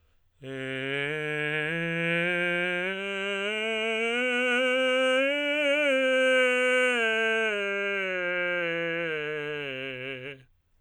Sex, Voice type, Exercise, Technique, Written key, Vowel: male, tenor, scales, straight tone, , e